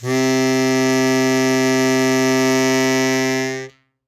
<region> pitch_keycenter=48 lokey=48 hikey=50 volume=2.054550 trigger=attack ampeg_attack=0.004000 ampeg_release=0.100000 sample=Aerophones/Free Aerophones/Harmonica-Hohner-Super64/Sustains/Normal/Hohner-Super64_Normal _C2.wav